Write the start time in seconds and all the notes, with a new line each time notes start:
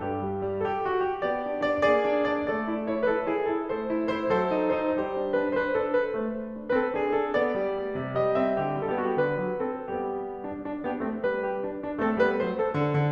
0.00 G2 G4
0.23 G3
0.42 G3
0.62 A4
0.66 G4
0.86 F#4
1.07 G4
1.28 B3 G4 D5
1.49 D4
1.70 D4 D5
1.88 A#3 G#4 D5
2.09 D4
2.29 D4 D5
2.47 A3 A4 D5
2.66 E4
2.87 E4 C#5
3.05 E4 B4
3.11 A4
3.30 E4 G#4
3.48 E4 A4
3.66 A3 A4 C5
3.92 E4
4.13 E4 C5
4.38 F#3 A4 C5
4.57 D#4
4.76 D#4 C5
4.98 G3 G4 C5
5.17 D4
5.35 D4 B4
5.54 D4 C5
5.62 B4
5.83 D4 A4
6.05 D4 B4
6.21 A3 C5
6.41 D4
6.61 D4
6.77 C4 B4
6.84 A4
7.00 D4 G#4
7.16 D4 A4
7.38 B3 D5
7.57 G3
7.76 G3
7.95 C3
8.14 G3 D#5
8.39 C4 E5
8.60 D3 G4
8.79 G3
9.01 B3 A4
9.07 G4
9.11 F#4 G4
9.21 D3 B4
9.43 F#3
9.66 C4 A4
9.93 G3 B3 G4
10.47 D4
10.69 D4
10.83 B3 D4 G4
11.03 A3 C4 A4
11.24 G3 B3 B4
11.46 G4
11.67 D4
11.89 D4
12.04 A3 C4 A4
12.20 G3 B3 B4
12.40 F#3 A3 C5
12.56 A4
12.71 D3
12.91 D3